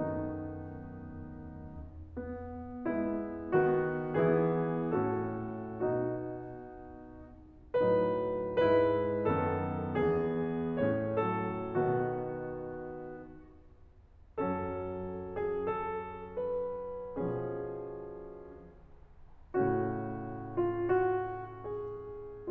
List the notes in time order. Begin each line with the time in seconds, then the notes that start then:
0.00 F#2 D#3 A3 B3 D#4
2.16 B3
2.88 G#3 B3 E4
3.56 D#3 B3 F#4
4.21 E3 B3 E4 G#4
4.89 A2 A3 C#4 F#4 A4
5.84 B2 B3 D#4 F#4
7.89 A2 F#3 D#4 B4
8.66 G#2 G#3 E4 B4
9.35 F#2 D#3 B3 A4
9.96 E2 E3 B3 G#4
10.77 A2 A3 C#4 C#5
11.17 F#3 A4
11.71 B2 D#3 B3 F#4
14.49 F#2 F#3 C#4 A4
15.44 G#4
15.78 A4
16.42 B4
17.16 B2 F3 C#4 G#4
19.60 A2 C#3 A3 C#4 F#4
20.54 F4
20.87 F#4
21.65 G#4